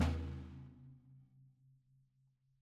<region> pitch_keycenter=62 lokey=62 hikey=62 volume=13.988846 lovel=84 hivel=106 seq_position=1 seq_length=2 ampeg_attack=0.004000 ampeg_release=30.000000 sample=Membranophones/Struck Membranophones/Snare Drum, Rope Tension/Hi/RopeSnare_hi_sn_Main_vl3_rr3.wav